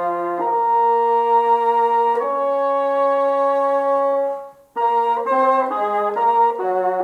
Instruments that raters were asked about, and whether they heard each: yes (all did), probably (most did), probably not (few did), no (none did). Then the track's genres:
trombone: probably
flute: probably not
trumpet: probably not
Classical